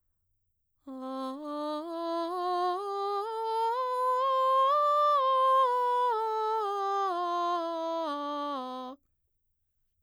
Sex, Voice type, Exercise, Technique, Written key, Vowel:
female, mezzo-soprano, scales, slow/legato piano, C major, a